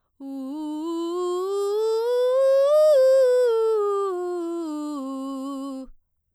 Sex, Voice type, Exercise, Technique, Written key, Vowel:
female, soprano, scales, belt, , u